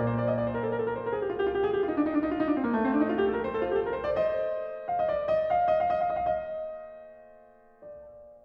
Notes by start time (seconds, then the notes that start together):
0.00 A#2 A#3
0.08 C5
0.17 D5
0.28 D#5
0.38 D5
0.48 C5
0.56 A#4
0.64 A4
0.72 A#4
0.79 A4
0.88 A#4
0.96 C5
1.06 A#4
1.11 G#4
1.21 G4
1.31 F4
1.42 G4
1.52 F4
1.61 G4
1.68 G#4
1.79 F4 G4
1.88 D#4
1.97 D4
2.05 D#4
2.16 D4
2.24 D#4
2.33 F4
2.40 D#4
2.47 D4
2.57 C4
2.67 A#3
2.77 A3
2.83 C4
2.91 D4
3.02 D#4
3.11 F4
3.22 G4
3.31 A4
3.38 A#4
3.44 C5
3.53 A4
3.61 F4
3.72 G4
3.78 A4
3.85 A#4
3.96 C5
4.06 D5
4.21 C5 D#5
4.91 F5
4.99 D#5
5.09 D5
5.33 D#5
5.53 F5
5.68 D#5
5.82 F5
5.92 D#5
6.03 F5
6.27 D#5
6.94 F5
7.22 D#5
7.49 F5
7.64 D#5
7.80 D5